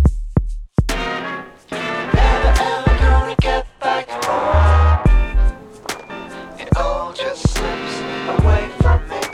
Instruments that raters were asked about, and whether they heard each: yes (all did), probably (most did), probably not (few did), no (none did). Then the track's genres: banjo: probably not
Hip-Hop; Rap